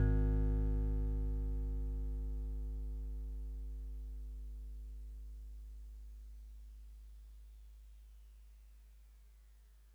<region> pitch_keycenter=44 lokey=43 hikey=46 tune=-1 volume=15.826448 lovel=0 hivel=65 ampeg_attack=0.004000 ampeg_release=0.100000 sample=Electrophones/TX81Z/FM Piano/FMPiano_G#1_vl1.wav